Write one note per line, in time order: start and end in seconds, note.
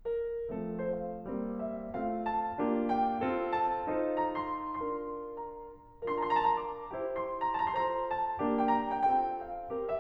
0.05 0.54 A#4
0.55 1.30 F3
0.55 1.30 A3
0.55 1.30 C4
0.55 0.81 A4
0.82 0.92 C5
0.92 1.63 F5
1.30 1.95 G3
1.30 1.95 A#3
1.30 1.95 C4
1.63 1.95 E5
1.96 2.58 A3
1.96 2.58 C4
1.96 2.58 F4
1.96 2.27 F5
2.28 2.94 A5
2.60 3.30 A#3
2.60 3.30 D4
2.60 3.30 F4
2.60 3.30 G4
2.94 3.56 G5
3.30 3.88 C4
3.30 3.88 F4
3.30 3.88 A4
3.56 4.13 A5
3.88 4.74 D#4
3.88 4.74 F4
3.88 4.74 A4
3.88 4.74 C5
4.14 4.38 A#5
4.41 4.74 C6
4.76 5.83 D4
4.76 5.83 F4
4.76 5.83 A#4
4.76 5.36 C6
5.36 5.83 A#5
6.52 6.95 D4
6.52 6.95 F4
6.52 6.95 A#4
6.52 6.61 A#5
6.59 6.71 A5
6.59 6.64 C6
6.65 6.78 A#5
6.71 7.29 D6
6.96 7.68 E4
6.96 7.68 G4
6.96 7.68 C5
7.30 7.47 C6
7.47 7.68 A#5
7.70 8.40 F4
7.70 8.40 A4
7.70 8.40 C5
7.70 7.92 A5
7.79 8.03 A#5
7.94 8.11 C6
8.03 8.18 A#5
8.11 8.67 A5
8.40 9.09 A#3
8.40 9.09 D4
8.40 9.09 G4
8.68 8.75 G5
8.76 8.99 A#5
9.00 9.09 G5
9.10 9.70 C4
9.10 9.70 F4
9.10 9.70 A4
9.10 9.42 G5
9.43 9.92 F5
9.70 10.00 C4
9.70 10.00 G4
9.70 10.00 A#4
9.93 10.00 E5